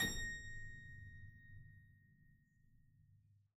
<region> pitch_keycenter=82 lokey=82 hikey=83 volume=-0.053052 trigger=attack ampeg_attack=0.004000 ampeg_release=0.40000 amp_veltrack=0 sample=Chordophones/Zithers/Harpsichord, Flemish/Sustains/High/Harpsi_High_Far_A#5_rr1.wav